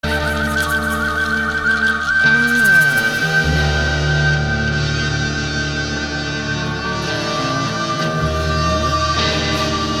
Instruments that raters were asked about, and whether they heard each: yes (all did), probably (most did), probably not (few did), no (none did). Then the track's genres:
flute: probably
Rock; Electronic; Funk